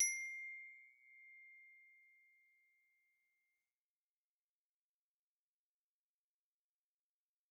<region> pitch_keycenter=84 lokey=82 hikey=87 volume=20.338054 xfin_lovel=84 xfin_hivel=127 ampeg_attack=0.004000 ampeg_release=15.000000 sample=Idiophones/Struck Idiophones/Glockenspiel/glock_loud_C6_01.wav